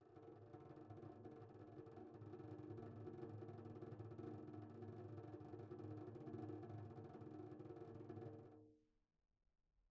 <region> pitch_keycenter=65 lokey=65 hikey=65 volume=32.113044 offset=247 lovel=0 hivel=83 ampeg_attack=0.004000 ampeg_release=1 sample=Membranophones/Struck Membranophones/Tom 1/Stick/TomH_RollS_v1_rr1_Mid.wav